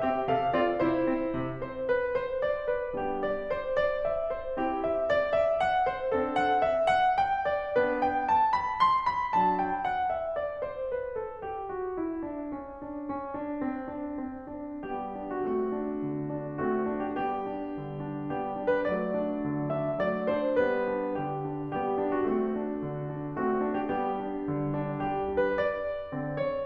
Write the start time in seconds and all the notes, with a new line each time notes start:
0.00 C4 G4 E5
0.20 C3 A4 F5
0.53 C4 F4 D5
0.81 C3 E4 C5
1.06 C4
1.34 C3
1.61 C5
1.88 B4
2.19 C5
2.46 D5
2.69 B4
3.00 G3 B3 D4 G4
3.25 D5
3.52 C5
3.82 D5
4.12 E5
4.35 C5
4.59 C4 E4 G4
4.84 E5
5.07 D5
5.34 E5
5.61 F#5
5.87 C5
6.12 C4 D4 A4
6.33 F#5
6.56 E5
6.87 F#5
7.16 G5
7.48 D5
7.79 B3 D4 B4
8.06 G5
8.25 A5
8.58 B5
8.80 C6
9.10 B5
9.36 A5
9.61 G5
9.87 F#5
10.16 E5
10.37 D5
10.61 C5
10.88 B4
11.18 A4
11.45 G4
11.71 F#4
11.98 E4
12.23 D4
12.52 C#4
12.84 D4
13.07 C#4
13.32 D4
13.61 C4
13.90 D4
14.18 C4
14.49 D4
14.85 G3 B3 G4
15.17 D4
15.35 F#4
15.51 A3 C4 F#4
15.78 D4
16.00 D3
16.30 D4
16.60 A3 C4 F#4
16.89 D4
17.01 G4
17.15 G3 B3 G4
17.50 D4
17.77 D3
18.03 D4
18.30 G3 B3 G4
18.56 D4
18.67 B4
18.81 F#3 A3 D5
19.17 D4
19.46 D3
19.67 D4 E5
19.97 F#3 A3 D5
20.32 D4 C5
20.60 G3 B3 B4
20.96 D4
21.20 D3 G4
21.48 D4
21.77 G3 B3 G4
22.01 D4
22.18 F#4
22.29 A3 C4 F#4
22.59 D4
22.89 D3
23.16 D4
23.41 A3 C4 F#4
23.64 D4
23.78 G4
23.92 G3 B3 G4
24.22 D4
24.47 D3
24.72 D4
25.01 G3 B3 G4
25.31 D4
25.44 B4
25.57 D5
26.13 D3 C4
26.37 C#5